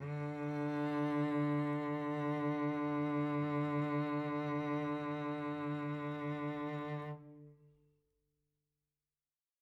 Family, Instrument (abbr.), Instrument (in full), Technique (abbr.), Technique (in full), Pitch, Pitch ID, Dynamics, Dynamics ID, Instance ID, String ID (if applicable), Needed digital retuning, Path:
Strings, Vc, Cello, ord, ordinario, D3, 50, mf, 2, 3, 4, FALSE, Strings/Violoncello/ordinario/Vc-ord-D3-mf-4c-N.wav